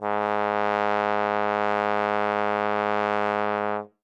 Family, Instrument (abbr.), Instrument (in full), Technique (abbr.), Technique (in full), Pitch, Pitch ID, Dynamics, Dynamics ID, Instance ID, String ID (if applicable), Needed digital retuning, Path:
Brass, Tbn, Trombone, ord, ordinario, G#2, 44, ff, 4, 0, , TRUE, Brass/Trombone/ordinario/Tbn-ord-G#2-ff-N-T15u.wav